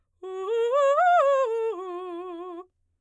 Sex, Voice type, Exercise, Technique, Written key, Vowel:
female, soprano, arpeggios, fast/articulated piano, F major, u